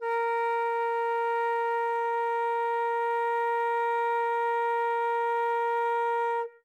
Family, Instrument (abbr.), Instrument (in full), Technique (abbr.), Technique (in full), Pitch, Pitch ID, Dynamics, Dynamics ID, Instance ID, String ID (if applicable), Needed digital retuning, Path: Winds, Fl, Flute, ord, ordinario, A#4, 70, ff, 4, 0, , FALSE, Winds/Flute/ordinario/Fl-ord-A#4-ff-N-N.wav